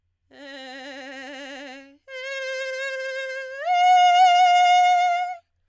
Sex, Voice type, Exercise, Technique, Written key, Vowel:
female, soprano, long tones, trillo (goat tone), , e